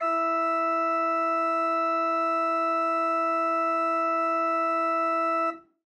<region> pitch_keycenter=64 lokey=64 hikey=65 volume=7.601673 ampeg_attack=0.004000 ampeg_release=0.300000 amp_veltrack=0 sample=Aerophones/Edge-blown Aerophones/Renaissance Organ/Full/RenOrgan_Full_Room_E3_rr1.wav